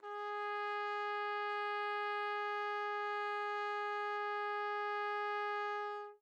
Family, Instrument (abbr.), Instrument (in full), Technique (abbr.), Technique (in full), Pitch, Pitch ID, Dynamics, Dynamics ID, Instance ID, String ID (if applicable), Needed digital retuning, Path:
Brass, TpC, Trumpet in C, ord, ordinario, G#4, 68, mf, 2, 0, , FALSE, Brass/Trumpet_C/ordinario/TpC-ord-G#4-mf-N-N.wav